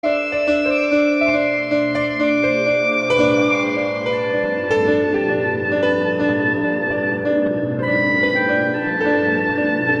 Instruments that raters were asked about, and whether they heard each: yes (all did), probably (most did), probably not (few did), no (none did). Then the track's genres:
violin: probably
clarinet: no
Experimental; Ambient